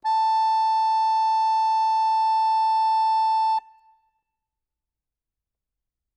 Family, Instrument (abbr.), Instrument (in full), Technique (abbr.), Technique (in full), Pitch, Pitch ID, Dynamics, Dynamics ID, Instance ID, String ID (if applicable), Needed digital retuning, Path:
Keyboards, Acc, Accordion, ord, ordinario, A5, 81, ff, 4, 0, , FALSE, Keyboards/Accordion/ordinario/Acc-ord-A5-ff-N-N.wav